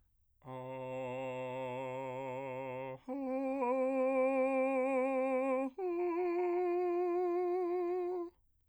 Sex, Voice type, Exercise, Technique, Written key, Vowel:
male, bass, long tones, full voice pianissimo, , a